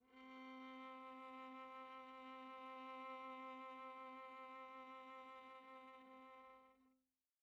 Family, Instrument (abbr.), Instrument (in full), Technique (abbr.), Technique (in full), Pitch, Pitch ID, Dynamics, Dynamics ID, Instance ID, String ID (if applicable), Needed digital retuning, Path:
Strings, Va, Viola, ord, ordinario, C4, 60, pp, 0, 2, 3, FALSE, Strings/Viola/ordinario/Va-ord-C4-pp-3c-N.wav